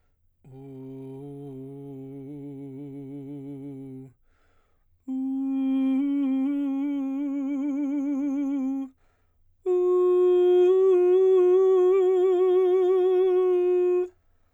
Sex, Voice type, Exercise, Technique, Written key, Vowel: male, baritone, long tones, trill (upper semitone), , u